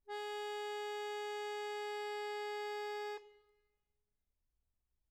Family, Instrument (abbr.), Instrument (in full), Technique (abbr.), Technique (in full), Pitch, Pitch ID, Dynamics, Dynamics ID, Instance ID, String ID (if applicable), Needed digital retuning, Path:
Keyboards, Acc, Accordion, ord, ordinario, G#4, 68, mf, 2, 1, , FALSE, Keyboards/Accordion/ordinario/Acc-ord-G#4-mf-alt1-N.wav